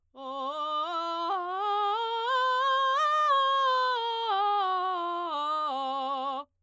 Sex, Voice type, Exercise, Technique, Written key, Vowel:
female, soprano, scales, belt, , o